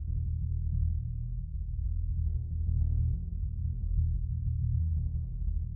<region> pitch_keycenter=64 lokey=64 hikey=64 volume=17.599351 lovel=0 hivel=54 ampeg_attack=0.004000 ampeg_release=2.000000 sample=Membranophones/Struck Membranophones/Bass Drum 2/bassdrum_roll_fast_pp.wav